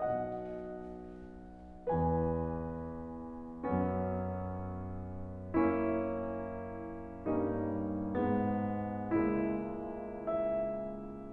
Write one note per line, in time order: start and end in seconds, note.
0.01 1.88 B1
0.01 1.88 B2
0.01 1.88 D#5
0.01 1.88 F#5
1.89 3.55 E2
1.89 3.55 E3
1.89 3.55 B4
1.89 3.55 G#5
3.56 7.30 F#2
3.56 7.30 F#3
3.56 5.55 B3
3.56 5.55 C#4
5.64 7.30 A#3
5.64 7.30 C#4
5.64 7.30 E4
7.31 8.13 G2
7.31 8.13 G3
7.31 8.13 A#3
7.31 8.13 C#4
7.31 9.13 D#4
8.14 9.13 G#2
8.14 9.13 G#3
8.14 9.13 B3
9.15 11.32 C#2
9.15 11.32 C#3
9.15 10.26 G#3
9.15 10.26 A#3
9.15 10.26 E4
10.29 11.32 E5